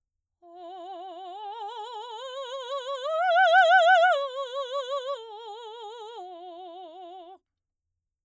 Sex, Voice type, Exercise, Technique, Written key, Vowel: female, soprano, arpeggios, slow/legato forte, F major, o